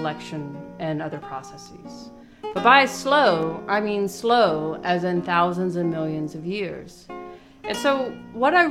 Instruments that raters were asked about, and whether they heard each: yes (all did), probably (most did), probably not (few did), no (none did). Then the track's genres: ukulele: probably not
Noise; Psych-Folk; Experimental